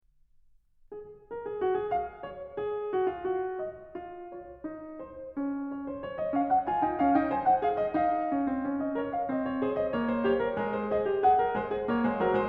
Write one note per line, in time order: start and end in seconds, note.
0.05 1.31 G#4
1.31 1.45 A#4
1.45 1.62 G#4
1.62 1.76 F#4
1.76 1.93 G#4
1.93 2.24 F5
2.24 2.57 C#5
2.57 2.92 G#4
2.92 3.10 F#4
3.10 3.26 F4
3.26 3.60 F#4
3.60 3.96 D#5
3.96 4.34 F4
4.34 4.65 C#5
4.65 5.00 D#4
5.00 5.37 C5
5.37 5.73 C#4
5.73 5.97 C#5
5.97 6.04 C5
6.04 6.16 C#5
6.16 6.33 D#5
6.33 6.65 C#4
6.33 6.49 F5
6.49 6.65 F#5
6.65 6.80 F4
6.65 6.80 G#5
6.80 6.98 D#4
6.80 6.98 G5
6.98 7.15 C#4
6.98 7.15 F5
7.15 7.30 D#4
7.15 7.30 G5
7.30 7.60 C5
7.30 7.45 G#5
7.45 7.60 F#5
7.60 7.95 G#4
7.60 7.74 F5
7.74 7.95 D#5
7.95 8.31 D#4
7.95 8.80 F5
8.31 8.45 C#4
8.45 8.59 C4
8.59 8.93 C#4
8.80 8.93 D#5
8.93 9.29 A#4
8.93 9.12 C#5
9.12 9.29 F5
9.29 9.61 C4
9.29 9.47 D#5
9.47 9.61 C#5
9.61 9.95 G#4
9.61 9.76 C5
9.76 9.95 D#5
9.95 10.27 A#3
9.95 10.12 C#5
10.12 10.27 C5
10.27 10.56 G4
10.27 10.40 C#5
10.40 10.56 A#4
10.56 10.90 G#3
10.56 10.65 A#4
10.65 10.99 C5
10.90 11.06 G#4
10.90 11.19 D#5
11.06 11.19 G4
11.19 11.38 G#4
11.19 12.48 F#5
11.38 11.54 A#4
11.54 11.89 G#3
11.54 11.71 C5
11.71 11.89 G#4
11.89 12.06 A#3
11.89 12.06 C#5
12.06 12.20 G#3
12.06 12.20 C5
12.20 12.33 F#3
12.20 12.33 A#4
12.33 12.48 G#3
12.33 12.48 C5